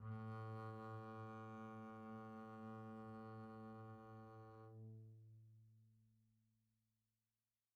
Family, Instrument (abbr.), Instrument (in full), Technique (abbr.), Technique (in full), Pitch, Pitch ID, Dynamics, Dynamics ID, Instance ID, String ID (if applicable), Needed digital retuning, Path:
Strings, Cb, Contrabass, ord, ordinario, A2, 45, pp, 0, 0, 1, FALSE, Strings/Contrabass/ordinario/Cb-ord-A2-pp-1c-N.wav